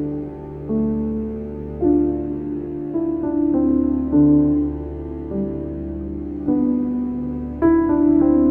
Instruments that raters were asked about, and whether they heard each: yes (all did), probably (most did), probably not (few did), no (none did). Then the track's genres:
cello: no
Soundtrack